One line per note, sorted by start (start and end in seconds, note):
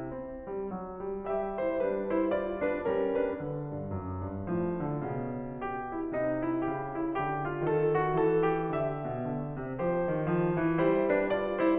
0.01 0.49 C4
0.50 0.70 G3
0.71 1.04 F#3
1.06 1.24 G3
1.27 1.75 G3
1.27 1.60 G4
1.27 1.60 E5
1.63 1.75 E4
1.63 1.75 C5
1.75 2.84 G3
1.75 2.12 D4
1.75 2.12 B4
2.14 2.29 E4
2.14 2.29 C5
2.31 2.61 F4
2.31 2.61 D5
2.66 2.84 D4
2.66 2.84 B4
2.86 3.41 G3
2.86 3.23 C#4
2.86 3.23 A#4
3.25 3.41 D4
3.25 3.41 B4
3.42 3.80 D3
3.81 3.91 G2
3.92 4.30 F#2
4.30 4.48 G2
4.49 4.98 A2
4.49 4.81 F3
4.81 4.98 D3
5.00 6.18 B2
5.00 5.41 C#3
5.41 5.57 D3
5.58 5.94 G4
5.97 6.18 E4
6.19 6.65 C3
6.19 6.51 D#4
6.52 6.65 E4
6.68 7.19 C#3
6.68 6.95 G4
6.99 7.19 E4
7.20 7.64 D3
7.20 7.50 G4
7.52 7.64 F4
7.64 8.15 D#3
7.64 7.96 A4
7.99 8.15 F#4
8.15 8.71 E3
8.15 8.44 A4
8.46 8.71 G4
8.71 9.08 D3
8.71 9.74 G4
8.71 9.74 E5
9.09 9.26 B2
9.29 9.57 D3
9.58 9.74 C3
9.76 10.10 F3
9.76 10.77 G4
9.76 10.77 C5
10.12 10.22 D#3
10.23 10.52 F3
10.53 10.77 E3
10.80 11.78 G3
10.80 11.10 E4
10.80 11.10 C5
11.12 11.28 D4
11.12 11.28 B4
11.30 11.61 F4
11.30 11.61 D5
11.62 11.78 E4
11.62 11.78 C5